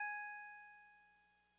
<region> pitch_keycenter=68 lokey=67 hikey=70 tune=-1 volume=25.079797 lovel=0 hivel=65 ampeg_attack=0.004000 ampeg_release=0.100000 sample=Electrophones/TX81Z/Clavisynth/Clavisynth_G#3_vl1.wav